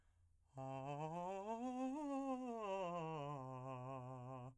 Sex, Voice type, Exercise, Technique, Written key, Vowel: male, , scales, fast/articulated piano, C major, a